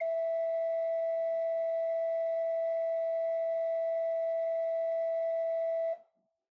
<region> pitch_keycenter=64 lokey=64 hikey=65 ampeg_attack=0.004000 ampeg_release=0.300000 amp_veltrack=0 sample=Aerophones/Edge-blown Aerophones/Renaissance Organ/4'/RenOrgan_4foot_Room_E3_rr1.wav